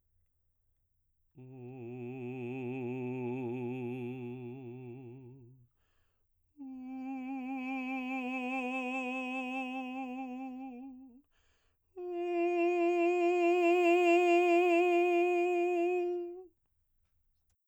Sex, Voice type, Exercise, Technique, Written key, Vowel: male, baritone, long tones, messa di voce, , u